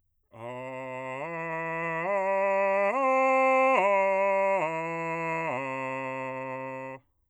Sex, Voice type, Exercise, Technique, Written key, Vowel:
male, bass, arpeggios, straight tone, , a